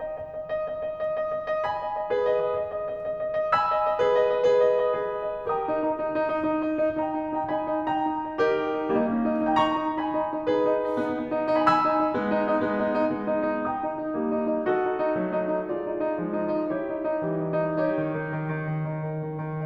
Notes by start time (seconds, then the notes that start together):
0.00 D#5
0.21 D#5
0.36 D#5
0.58 D#5
0.78 D#5
0.93 D#5
1.17 D#5
1.32 D#5
1.49 D#5
1.67 G#5 B5
1.81 D#5
1.96 D#5
2.19 G#4 B4
2.39 D#5
2.57 D#5
2.73 D#5
2.91 D#5
3.05 D#5
3.19 D#5
3.31 D#5
3.45 D#5
3.54 G#5 B5 E6
3.68 D#5
3.87 D#5
4.04 G#4 B4
4.21 D#5
4.35 D#5
4.49 G#4 B4
4.64 D#5
4.81 D#5
4.97 G#4 B4
5.12 D#5
5.29 D#5
5.47 G4 A#4 G5 A#5 D#6
5.70 D#4
5.89 D#4
6.05 D#4
6.21 D#4
6.37 D#4
6.52 D#4
6.66 D#4
6.84 D#4
7.00 D#4 G5 A#5
7.17 D#4
7.33 D#4
7.38 G5 A#5
7.49 D#4 G#5 B5
7.71 D#4
7.89 D#4 G5 A#5
8.06 D#4
8.24 D#4
8.42 D#4 G4 A#4
8.66 D#4
8.84 D#4
8.99 G3 A#3 D#4
9.11 A#3 C#4
9.25 D#4
9.43 D#4
9.51 G5 A#5
9.62 D#4 A#5 C#6
9.78 D#4
9.97 D#4 G#5 B5
10.12 D#4
10.30 D#4
10.48 D#4 G#4 B4
10.68 D#4
10.83 D#4
11.03 G#3 B3 D#4
11.18 G#3 B3
11.34 D#4
11.51 D#4
11.60 G#5 B5
11.70 G#5 B5 E6
11.84 D#4
11.98 D#4
12.16 G#3 B3
12.34 D#4
12.48 D#4
12.64 G#3 B3
12.81 D#4
12.98 D#4
13.15 G#3 B3
13.29 D#4
13.50 D#4
13.68 G5 A#5 D#6
13.84 D#4
14.00 D#4
14.15 G3 A#3
14.34 D#4
14.52 D#4
14.69 F#4 A4 D#5
14.84 D#4
14.98 D#4
15.15 F#3 A3
15.33 D#4
15.49 D#4
15.66 F4 G#4 D5
15.86 D#4
16.06 D#4
16.23 F3 G#3
16.38 D#4
16.56 D#4
16.72 E4 G4 C#5
16.87 D#4
17.07 D#4
17.30 E3 G3
17.48 D#4
17.65 D#4
17.81 D#4 G4 C#5
18.00 D#3
18.17 D#3
18.34 D#3
18.49 D#3
18.68 D#3
18.87 D#3
19.06 D#3
19.26 D#3
19.49 D#3